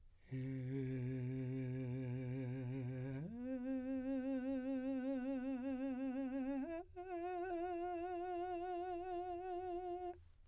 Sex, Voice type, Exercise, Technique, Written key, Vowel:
male, , long tones, full voice pianissimo, , e